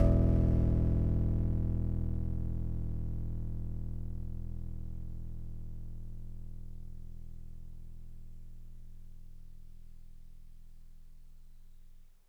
<region> pitch_keycenter=28 lokey=27 hikey=30 tune=-2 volume=9.531458 lovel=100 hivel=127 ampeg_attack=0.004000 ampeg_release=0.100000 sample=Electrophones/TX81Z/FM Piano/FMPiano_E0_vl3.wav